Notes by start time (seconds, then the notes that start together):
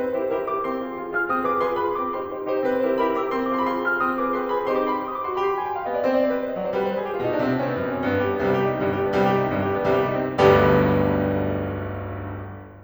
0.00 C4 B4
0.17 E4 G4 A#4 C5
0.31 E4 G4 A#4 C6
0.46 E4 G4 A#4 C6
0.62 C4 C6
0.78 F4 G#4
0.98 F4 G#4
1.11 F4 G#4 F6
1.28 C4 D#6
1.45 F4 G#4 B4 D6
1.60 F4 G#4 B4 C6
1.82 F4 G#4 B4 B5
2.00 C4 D6
2.19 D#4 G4 C6
2.37 D#4 G4
2.50 D#4 G4 C5
2.67 C4 B4
2.86 E4 G4 A#4 C5
3.05 E4 G4 A#4 C6
3.17 E4 G4 A#4 C6
3.34 C4 C6
3.54 F4 G#4 D6
3.60 C6
3.66 B5
3.72 F4 G#4 C6
3.89 F4 G#4 F6
4.04 C4 D#6
4.19 F4 G#4 B4 D6
4.38 F4 G#4 B4 C6
4.54 F4 G#4 B4 B5
4.71 C4 D#4 G4 C5 C6
4.81 D6
4.90 C6
4.98 B5
5.06 C6
5.14 D#6
5.22 F#4 D6
5.32 C6
5.38 G4 B5
5.46 C6
5.53 B5
5.61 G#5
5.70 G5
5.78 F5
5.87 B3 D#5
5.97 D5
6.06 C4 C5
6.14 D5
6.26 C5
6.33 B4
6.41 C5
6.48 D#5
6.57 F#3 D5
6.66 C5
6.80 G3 B4
6.88 C5
6.97 B4
7.04 G#4
7.12 G4
7.17 F4
7.26 B2 D#4
7.35 D4
7.45 C3 C4
7.53 D4
7.63 C4
7.77 B3
7.86 C4
7.94 D#4
8.01 F#2 D4
8.08 C4
8.16 G2 B3
8.24 G4
8.31 D4
8.42 B3
8.51 C2 C3 G3
8.59 G4
8.70 D#4
8.78 C4
8.87 G1 G2 G3 G4
9.00 D4
9.08 B3
9.16 C2 C3 G3
9.25 G4
9.33 D#4
9.43 C4
9.50 G1 G2 G3
9.60 G4
9.69 D4
9.81 B3
9.89 C2 C3 G3
9.98 G4
10.10 D#4
10.21 C4
10.32 G1 B1 D2 G2 G3 B3 D4 G4